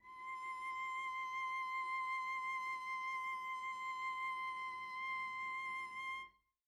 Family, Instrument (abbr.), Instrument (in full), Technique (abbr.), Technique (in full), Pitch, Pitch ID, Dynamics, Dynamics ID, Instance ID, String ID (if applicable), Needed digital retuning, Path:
Strings, Vc, Cello, ord, ordinario, C6, 84, pp, 0, 0, 1, FALSE, Strings/Violoncello/ordinario/Vc-ord-C6-pp-1c-N.wav